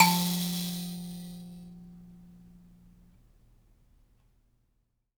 <region> pitch_keycenter=53 lokey=53 hikey=54 volume=1.251037 ampeg_attack=0.004000 ampeg_release=15.000000 sample=Idiophones/Plucked Idiophones/Mbira Mavembe (Gandanga), Zimbabwe, Low G/Mbira5_Normal_MainSpirit_F2_k4_vl2_rr1.wav